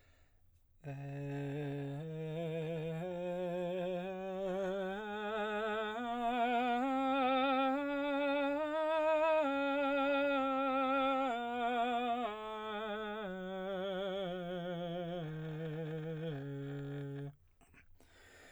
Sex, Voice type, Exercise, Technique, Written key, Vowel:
male, baritone, scales, slow/legato piano, C major, e